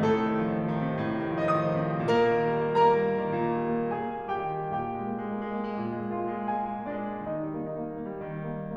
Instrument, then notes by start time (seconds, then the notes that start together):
piano
0.00 A2 A3
0.13 C3 A4
0.24 D#3
0.35 F3
0.49 D#3
0.60 F3
0.72 D#3
0.88 C3
1.00 A2
1.13 C3
1.24 D#3
1.40 F3
1.57 D#3 D#5
1.70 F3 D#6
1.83 D#3
1.97 C3
2.08 A#2 A#3 A#4
2.23 D#3
2.44 G3
2.69 A#3
2.82 G3 A#4 A#5
2.95 A#3
3.07 G3
3.24 D#3
3.39 A#2
3.56 D#3
3.73 G3
3.87 A#3
4.03 G3 G#4 G#5
4.17 A#3
4.31 G3 G4 G5
4.48 D#3
4.70 A#2 G4 G5
4.97 G#3
5.12 A#3
5.34 G#3
5.46 A#3
5.56 G#3
5.69 A#3
5.79 G#3
5.92 A#2
6.05 G#3
6.19 A#3 F4 F5
6.34 G#3
6.51 A#3 G#4 G#5
6.66 G#3
6.82 A#3 D4 D5
6.94 G#3
7.17 D#3 D#4 D#5
7.30 G3
7.53 A#3
7.69 D#4
7.80 A#3
7.92 D#4
8.03 A#3
8.14 G3
8.27 D#3
8.38 G3
8.49 A#3
8.63 D#4